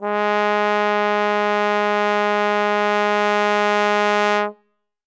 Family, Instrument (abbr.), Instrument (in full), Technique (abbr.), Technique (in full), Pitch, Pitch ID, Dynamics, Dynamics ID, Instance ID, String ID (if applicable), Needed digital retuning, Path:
Brass, Tbn, Trombone, ord, ordinario, G#3, 56, ff, 4, 0, , TRUE, Brass/Trombone/ordinario/Tbn-ord-G#3-ff-N-T10u.wav